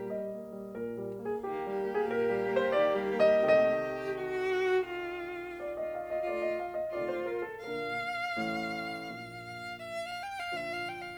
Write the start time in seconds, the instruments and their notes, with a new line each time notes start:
0.01 piano D#5
0.25 piano A#3
0.49 piano G3
0.74 piano A#2 A#4
0.98 piano G3
1.22 piano A#3
1.28 piano G#4
1.46 piano D#3 G4, violin A#3 G4
1.64 piano G3
1.86 piano A#3
1.93 piano G#4
2.06 piano A#2 A#4
2.30 piano G3
2.50 piano A#3
2.56 piano C5
2.75 piano D#3 D5
3.00 piano G3
3.18 piano A#3
3.23 piano D#5
3.42 piano C3 D#3 A3 D#5
4.15 violin F#4
4.81 violin F4
5.58 piano D5
5.75 piano D#5
5.93 piano F5
6.09 piano D#5
6.28 piano C3 D#3 A3 D5, violin F4
6.46 piano D#5
6.64 piano F5
6.76 piano D#5
6.95 piano C3 D#3 A3 D5, violin F4
7.10 piano C5
7.29 piano A#4
7.47 piano A4
7.67 piano A#2 D3 A#3 A#4, violin F5
8.33 piano A1 A2
9.07 piano A#1 A#2
9.82 violin E5
10.00 violin F5
10.19 violin G5
10.37 violin F5
10.51 piano A#2 D3 F3 F4, violin E5
10.61 violin F5
10.79 violin G5
10.98 violin F5